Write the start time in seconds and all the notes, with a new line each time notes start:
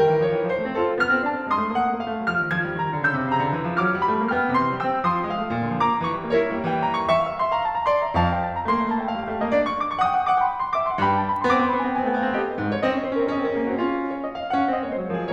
0.00 D#3 A#4 G5
0.13 D#3
0.22 F3 C#5
0.33 D#3
0.42 F3 C5
0.52 A3
0.66 C4 A4
0.80 F4
1.00 B3 F6
1.14 C4
1.25 D4 A5
1.38 C4
1.52 G#3 C6 D#6
1.65 A3
1.78 A#3 F#5
1.90 A3
2.02 A#3 F5
2.11 A3
2.22 G3 D6
2.36 F3
2.47 D#3 G#6
2.65 F3
2.76 G3 A#5
2.87 D#3
2.98 D3 E6 G6
3.19 C#3
3.30 C3 A#5
3.38 C#3
3.51 D3
3.61 E3
3.75 F3 D6 F6
3.88 F#3
4.02 G3 B5
4.17 A3
4.31 A#3 G5 F6
4.40 B3
4.53 C3 C6
4.67 E3
4.78 G3 G5 E6
4.90 C4
5.05 F3 C6 D#6
5.19 G3
5.29 G#3 F5
5.40 A3
5.50 A#2
5.67 D3
5.79 F3 D6
5.93 A#3
6.05 D#3 C#6
6.21 G3
6.34 A#3 A#4 D5
6.48 C4
6.58 G3 A#3
6.68 D#3 G5
6.83 G3 A#5
6.93 D#3 D6
7.12 E5 D6
7.23 F5
7.28 E5
7.35 F5
7.40 E5 C6
7.45 F5
7.51 E5 A#5
7.58 F5
7.64 E5 F5 A5
7.72 E5 A#5
7.78 F5
7.83 E5 C6
7.89 F5
7.96 D5 A#5
8.03 E5
8.13 F2 F5 A5
8.24 G5
8.35 A5
8.56 A#5
8.66 A3 C6
8.71 A#3
8.75 A3 A#5
8.81 A#3
8.86 A3 A#3 A5
8.94 A3 G5
9.00 A#3
9.06 A3 F5
9.11 A#3
9.18 A3 G5
9.23 A#3
9.28 A3 F5
9.35 A#3
9.40 G3 D#5
9.45 A3
9.53 A#3 D4 D5
9.64 C#6
9.73 D6
9.85 C#6
9.97 F#5 D#6
10.03 G5
10.11 F#5
10.21 G5
10.25 F#5 D6
10.32 G5
10.39 F#5 C6
10.44 G5
10.48 F#5 B5
10.54 G5
10.59 F#5 C6
10.65 G5
10.69 F#5 D6
10.74 G5
10.79 E5 C6
10.92 F#5
10.97 G2 G5 B5
11.09 A5
11.18 B5
11.33 C6
11.44 B3 D6
11.49 C4
11.55 B3 C6
11.62 C4
11.70 B3 B5
11.75 B3 C4 G#5
11.82 C4
11.88 B3 G5
11.92 C4
11.97 B3 G#5
12.04 C4
12.09 B3 G5
12.16 C4
12.23 A3 F5
12.28 B3
12.34 C4 G4 D#5
12.46 B4
12.55 G#2 C5
12.67 C#5
12.83 C4 D#5
12.89 C#4
12.93 C4 C#5
12.99 C#4
13.04 C4 C5
13.12 C#4
13.19 C4 A#4
13.25 C#4
13.29 C4 G#4 D#5
13.39 C#4
13.44 C4 A#4
13.49 C#4
13.55 C4 G#4
13.63 C#4
13.68 A#3 C4 F#4
13.83 C#4 F4
14.11 C#5
14.20 D#5
14.33 F5
14.51 F#5
14.61 C#4 F5
14.73 C4 D#5
14.84 A#3 C#5
14.92 G#3 C5
15.07 F#3 A#4
15.21 F3 G#4